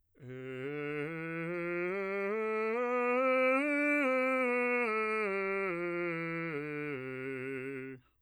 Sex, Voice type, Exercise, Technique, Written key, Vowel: male, bass, scales, slow/legato piano, C major, e